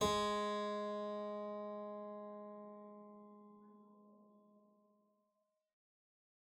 <region> pitch_keycenter=56 lokey=56 hikey=57 volume=9.310829 offset=119 trigger=attack ampeg_attack=0.004000 ampeg_release=0.350000 amp_veltrack=0 sample=Chordophones/Zithers/Harpsichord, English/Sustains/Normal/ZuckermannKitHarpsi_Normal_Sus_G#2_rr1.wav